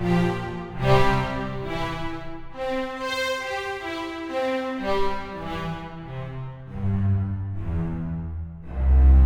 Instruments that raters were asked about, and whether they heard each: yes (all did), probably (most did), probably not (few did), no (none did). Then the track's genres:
cello: yes
violin: probably
Classical